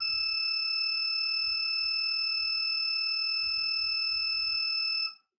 <region> pitch_keycenter=88 lokey=88 hikey=89 tune=4 volume=4.317221 ampeg_attack=0.004000 ampeg_release=0.300000 amp_veltrack=0 sample=Aerophones/Edge-blown Aerophones/Renaissance Organ/Full/RenOrgan_Full_Room_E5_rr1.wav